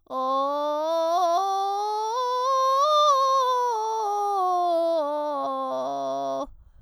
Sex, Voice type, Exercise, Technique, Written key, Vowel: female, soprano, scales, vocal fry, , o